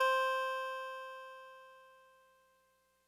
<region> pitch_keycenter=60 lokey=59 hikey=62 tune=-1 volume=13.158758 lovel=66 hivel=99 ampeg_attack=0.004000 ampeg_release=0.100000 sample=Electrophones/TX81Z/Clavisynth/Clavisynth_C3_vl2.wav